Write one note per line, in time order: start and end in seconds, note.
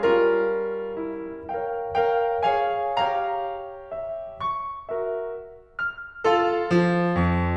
0.00 1.47 G3
0.00 1.47 C#4
0.00 0.95 F4
0.00 1.47 A#4
0.95 1.47 E4
1.47 1.93 A#4
1.47 1.93 C#5
1.47 1.93 F5
1.47 1.93 G5
1.93 2.48 A#4
1.93 2.48 C#5
1.93 2.48 F5
1.93 2.48 G5
2.48 2.97 G#4
2.48 2.97 C#5
2.48 2.97 F5
2.48 2.97 G#5
2.97 4.34 G4
2.97 4.34 C#5
2.97 3.89 F5
2.97 4.34 A#5
3.90 4.34 E5
4.35 4.88 C#6
4.89 5.34 F#4
4.89 5.34 A#4
4.89 5.34 E5
5.79 6.28 F6
6.28 6.70 F4
6.28 6.70 A4
6.28 6.70 F5
6.70 7.17 F3
7.17 7.57 F2